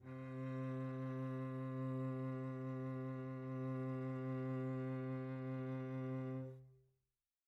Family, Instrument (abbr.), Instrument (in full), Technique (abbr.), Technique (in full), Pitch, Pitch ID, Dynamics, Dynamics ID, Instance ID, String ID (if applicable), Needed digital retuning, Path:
Strings, Vc, Cello, ord, ordinario, C3, 48, pp, 0, 3, 4, FALSE, Strings/Violoncello/ordinario/Vc-ord-C3-pp-4c-N.wav